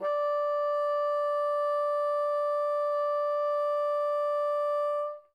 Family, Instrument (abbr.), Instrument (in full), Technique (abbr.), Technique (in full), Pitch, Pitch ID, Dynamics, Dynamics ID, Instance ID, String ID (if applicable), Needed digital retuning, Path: Winds, Bn, Bassoon, ord, ordinario, D5, 74, mf, 2, 0, , FALSE, Winds/Bassoon/ordinario/Bn-ord-D5-mf-N-N.wav